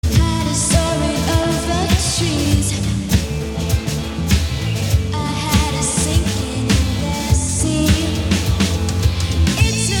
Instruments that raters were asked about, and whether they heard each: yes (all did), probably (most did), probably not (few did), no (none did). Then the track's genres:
voice: yes
Psych-Rock; Indie-Rock; Garage